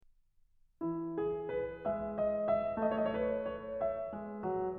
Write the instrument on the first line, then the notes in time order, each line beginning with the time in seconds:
piano
0.03 E3 E4
1.14 G#4
1.58 B4
1.86 G#3 E5
2.17 D#5
2.45 E5
2.80 A3 C#5
2.94 D#5
3.05 C#5
3.19 B4
3.47 C#5
3.76 E5
4.13 G#3
4.39 F#3